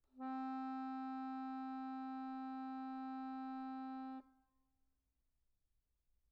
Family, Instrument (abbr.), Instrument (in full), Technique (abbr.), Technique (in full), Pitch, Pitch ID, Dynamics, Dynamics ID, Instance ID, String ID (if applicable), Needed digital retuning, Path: Keyboards, Acc, Accordion, ord, ordinario, C4, 60, pp, 0, 1, , FALSE, Keyboards/Accordion/ordinario/Acc-ord-C4-pp-alt1-N.wav